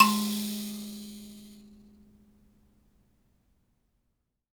<region> pitch_keycenter=56 lokey=56 hikey=57 volume=1.354421 ampeg_attack=0.004000 ampeg_release=15.000000 sample=Idiophones/Plucked Idiophones/Mbira Mavembe (Gandanga), Zimbabwe, Low G/Mbira5_Normal_MainSpirit_G#2_k2_vl2_rr1.wav